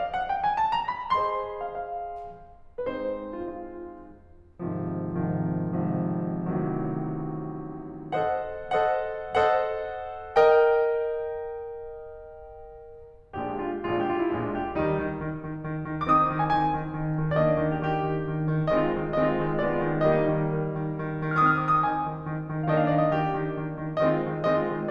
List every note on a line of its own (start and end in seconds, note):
0.00 0.15 F5
0.16 0.29 F#5
0.29 0.45 G5
0.45 0.58 G#5
0.59 0.75 A5
0.75 0.95 A#5
0.96 1.16 B5
1.17 2.83 G#4
1.17 2.83 C5
1.17 2.83 D#5
1.17 1.60 C6
1.60 1.82 F5
1.82 2.83 F5
2.83 4.56 G#3
2.83 4.56 C4
2.83 4.56 D#4
2.83 2.89 B4
2.89 3.31 C5
3.31 3.41 F4
3.41 4.56 F4
4.56 5.13 G#1
4.56 5.13 G#2
4.56 5.13 C3
4.56 5.13 D#3
4.56 5.13 F3
5.13 5.77 G#1
5.13 5.77 G#2
5.13 5.77 C3
5.13 5.77 D#3
5.13 5.77 F3
5.77 6.35 G#1
5.77 6.35 G#2
5.77 6.35 C3
5.77 6.35 D#3
5.77 6.35 F3
6.36 8.13 A1
6.36 8.13 A2
6.36 8.13 C3
6.36 8.13 D#3
6.36 8.13 F#3
8.14 8.82 A4
8.14 8.82 C5
8.14 8.82 D#5
8.14 8.82 F#5
8.84 9.46 A4
8.84 9.46 C5
8.84 9.46 D#5
8.84 9.46 F#5
9.47 10.37 A4
9.47 10.37 C5
9.47 10.37 D#5
9.47 10.37 F#5
10.37 13.20 A#4
10.37 13.20 D#5
10.37 13.20 G5
13.20 13.76 A#1
13.20 13.76 A#2
13.20 13.76 G#3
13.20 13.76 D4
13.20 13.50 G4
13.50 13.76 F4
13.76 14.26 A#1
13.76 14.26 A#2
13.76 14.26 G#3
13.76 14.26 D4
13.76 13.87 F4
13.87 14.01 G4
14.01 14.14 F4
14.14 14.26 E4
14.27 14.74 A#1
14.27 14.74 A#2
14.27 14.74 G#3
14.27 14.74 D4
14.27 14.50 F4
14.51 14.74 G4
14.76 14.95 D#2
14.76 14.95 D#3
14.76 15.20 G3
14.76 15.20 D#4
14.95 15.20 D#3
15.21 15.46 D#3
15.46 15.64 D#3
15.64 15.87 D#3
15.87 16.08 D#3
16.08 16.30 D#3
16.08 17.43 C4
16.08 17.43 D#4
16.08 16.14 D6
16.14 16.42 D#6
16.31 16.58 D#3
16.42 16.58 G#5
16.58 16.79 D#3
16.58 17.02 G#5
16.80 17.02 D#3
17.02 17.21 D#3
17.22 17.43 D#3
17.43 17.64 D#3
17.43 18.70 A#3
17.43 18.70 D4
17.43 17.46 D5
17.47 17.74 D#5
17.65 17.90 D#3
17.75 17.90 G4
17.90 18.12 D#3
17.90 18.32 G4
18.13 18.32 D#3
18.32 18.52 D#3
18.52 18.70 D#3
18.70 18.94 D#3
18.70 19.14 G#3
18.70 19.14 C4
18.70 18.82 D#5
18.82 18.94 F4
18.94 19.14 D#3
19.16 19.38 D#3
19.16 19.62 G#3
19.16 19.62 C4
19.16 19.27 D#5
19.27 19.38 F4
19.38 19.62 D#3
19.62 19.85 D#3
19.62 20.04 G#3
19.62 20.04 B3
19.62 19.74 D5
19.74 19.85 F4
19.85 20.04 D#3
20.05 20.25 D#3
20.05 20.45 G3
20.05 20.45 A#3
20.05 20.17 D#5
20.18 20.25 D#4
20.25 20.45 D#3
20.48 20.74 D#3
20.74 20.94 D#3
20.94 21.15 D#3
21.15 21.36 D#3
21.36 21.57 D#3
21.36 22.65 C4
21.36 22.65 D#4
21.36 21.44 D#6
21.42 21.51 F6
21.48 21.57 D#6
21.52 21.61 F6
21.58 21.84 D#3
21.58 21.69 D#6
21.63 21.77 F6
21.73 21.82 D6
21.79 21.84 D#6
21.84 22.02 D#3
21.84 22.23 G#5
22.04 22.23 D#3
22.23 22.47 D#3
22.48 22.65 D#3
22.65 22.86 D#3
22.65 24.08 A#3
22.65 24.08 D4
22.65 22.73 D#5
22.71 22.79 F5
22.76 22.86 D#5
22.81 22.88 F5
22.86 23.08 D#3
22.86 22.95 D#5
22.91 23.00 F5
22.98 23.06 D5
23.02 23.08 D#5
23.08 23.29 D#3
23.08 23.56 G4
23.29 23.56 D#3
23.56 23.86 D#3
23.86 24.08 D#3
24.09 24.25 D#3
24.09 24.44 G#3
24.09 24.44 C4
24.09 24.18 D#5
24.18 24.25 F4
24.25 24.44 D#3
24.45 24.67 D#3
24.45 24.90 G#3
24.45 24.90 C4
24.45 24.58 D#5
24.58 24.67 F4
24.67 24.90 D#3